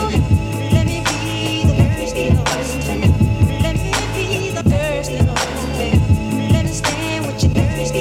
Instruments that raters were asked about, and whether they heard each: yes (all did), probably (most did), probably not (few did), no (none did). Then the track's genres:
organ: probably not
clarinet: no
voice: yes
guitar: no
Soul-RnB; Hip-Hop